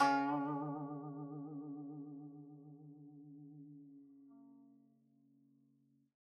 <region> pitch_keycenter=49 lokey=49 hikey=50 volume=13.516650 lovel=0 hivel=83 ampeg_attack=0.004000 ampeg_release=0.300000 sample=Chordophones/Zithers/Dan Tranh/Vibrato/C#2_vib_mf_1.wav